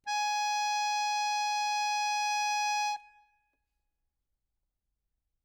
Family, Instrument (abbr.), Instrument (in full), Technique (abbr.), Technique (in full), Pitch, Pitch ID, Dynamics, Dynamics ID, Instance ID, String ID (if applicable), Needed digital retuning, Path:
Keyboards, Acc, Accordion, ord, ordinario, G#5, 80, ff, 4, 0, , FALSE, Keyboards/Accordion/ordinario/Acc-ord-G#5-ff-N-N.wav